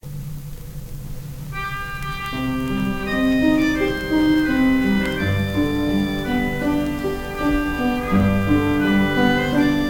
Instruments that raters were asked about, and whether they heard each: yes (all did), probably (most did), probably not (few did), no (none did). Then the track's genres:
violin: probably
Folk; Opera